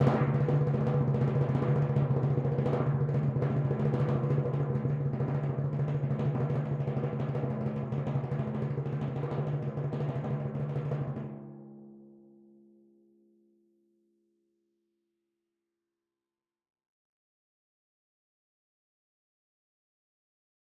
<region> pitch_keycenter=49 lokey=48 hikey=50 tune=-24 volume=14.131507 lovel=84 hivel=127 ampeg_attack=0.004000 ampeg_release=1.000000 sample=Membranophones/Struck Membranophones/Timpani 1/Roll/Timpani3_Roll_v5_rr1_Sum.wav